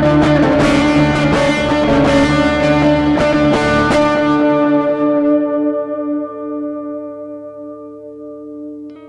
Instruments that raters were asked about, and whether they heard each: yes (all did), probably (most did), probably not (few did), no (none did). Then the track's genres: saxophone: probably not
Rock; Noise; Experimental